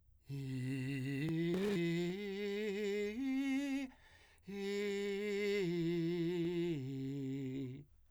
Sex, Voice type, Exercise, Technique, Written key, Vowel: male, , arpeggios, breathy, , i